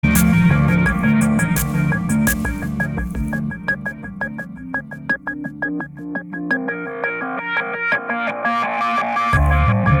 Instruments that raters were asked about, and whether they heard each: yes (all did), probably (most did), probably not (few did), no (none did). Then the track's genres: guitar: no
Electronic